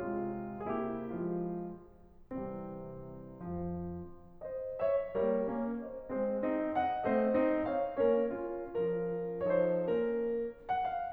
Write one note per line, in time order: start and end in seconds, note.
0.00 0.66 C3
0.00 0.66 G#3
0.00 0.66 F4
0.66 1.10 C3
0.66 1.10 A#3
0.66 1.10 E4
0.66 0.80 G#4
0.89 1.10 G4
1.10 1.51 F3
1.10 1.51 G#3
1.10 1.51 F4
2.32 3.40 C2
2.32 3.40 C3
2.32 3.40 E3
2.32 3.40 G3
2.32 3.40 C4
3.41 3.78 F2
3.41 3.78 F3
4.40 4.76 C5
4.40 4.76 D#5
4.77 5.14 C#5
4.77 5.14 E5
5.14 5.45 G3
5.14 5.45 A#3
5.14 5.45 A#4
5.14 5.45 C#5
5.45 5.79 A#3
5.45 5.79 C#4
5.79 6.10 C5
5.79 6.10 D#5
6.10 6.44 G#3
6.10 6.44 C4
6.10 6.44 G#4
6.10 6.44 C5
6.47 6.77 C4
6.47 6.77 D#4
6.77 7.09 D#5
6.77 7.09 F#5
7.09 7.40 A3
7.09 7.40 C4
7.09 7.40 C5
7.09 7.40 D#5
7.40 7.67 C4
7.40 7.67 D#4
7.67 8.00 C#5
7.67 8.00 F5
8.01 8.34 A#3
8.01 8.34 C#4
8.01 8.34 A#4
8.01 8.34 C#5
8.34 8.66 C#4
8.34 8.66 F4
8.66 9.35 F3
8.66 9.35 C#4
8.66 9.35 F4
8.66 9.35 A#4
9.35 9.88 F3
9.35 9.88 D#4
9.35 9.88 A4
9.35 9.45 C#5
9.45 9.88 C5
9.89 10.39 A#3
9.89 10.39 C#4
9.89 10.39 A#4
10.69 10.88 F#5
10.88 11.12 F5